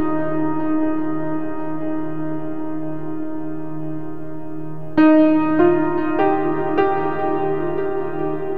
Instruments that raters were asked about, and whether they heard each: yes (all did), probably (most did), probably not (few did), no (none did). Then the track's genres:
trombone: no
Ambient Electronic; Ambient